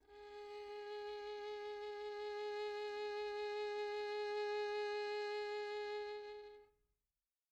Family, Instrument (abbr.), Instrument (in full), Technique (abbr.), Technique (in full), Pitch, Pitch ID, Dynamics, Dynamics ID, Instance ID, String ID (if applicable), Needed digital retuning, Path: Strings, Vn, Violin, ord, ordinario, G#4, 68, pp, 0, 3, 4, FALSE, Strings/Violin/ordinario/Vn-ord-G#4-pp-4c-N.wav